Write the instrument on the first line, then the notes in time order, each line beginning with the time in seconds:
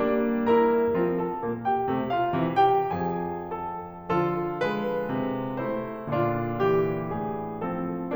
piano
0.01 G3 A#3 D4
0.53 E4 A#4 A#5
0.95 F3 C4 F4
1.17 A4 A5
1.42 A#2 A#3
1.67 G4 G5
1.89 C3 A3
2.11 F4 F5
2.35 C3 E3
2.61 G4 G5
2.92 F2 F3 G#4 G#5
3.63 A4 A5
4.09 D3 F3 F4 A4
4.60 G#3 B4
5.11 C3
5.64 A3 E4 C5
6.05 A#2 D3 D4 F4
6.64 E3 G4
7.15 A2 G#4
7.69 F3 C4 A4